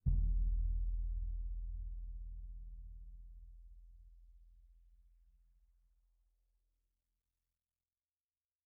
<region> pitch_keycenter=62 lokey=62 hikey=62 volume=20.701792 offset=2477 lovel=0 hivel=47 seq_position=1 seq_length=2 ampeg_attack=0.004000 ampeg_release=30 sample=Membranophones/Struck Membranophones/Bass Drum 2/bassdrum_hit_pp1.wav